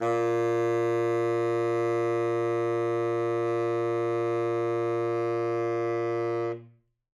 <region> pitch_keycenter=46 lokey=46 hikey=47 volume=14.377502 lovel=84 hivel=127 ampeg_attack=0.004000 ampeg_release=0.500000 sample=Aerophones/Reed Aerophones/Tenor Saxophone/Non-Vibrato/Tenor_NV_Main_A#1_vl3_rr1.wav